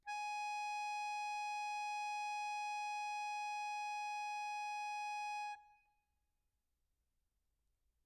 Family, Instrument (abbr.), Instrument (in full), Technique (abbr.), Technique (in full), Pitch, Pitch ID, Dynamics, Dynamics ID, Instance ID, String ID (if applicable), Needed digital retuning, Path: Keyboards, Acc, Accordion, ord, ordinario, G#5, 80, mf, 2, 0, , FALSE, Keyboards/Accordion/ordinario/Acc-ord-G#5-mf-N-N.wav